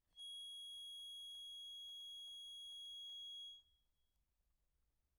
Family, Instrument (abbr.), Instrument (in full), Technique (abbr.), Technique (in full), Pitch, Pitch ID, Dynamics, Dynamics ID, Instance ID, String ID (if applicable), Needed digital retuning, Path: Keyboards, Acc, Accordion, ord, ordinario, G#7, 104, pp, 0, 1, , TRUE, Keyboards/Accordion/ordinario/Acc-ord-G#7-pp-alt1-T10d.wav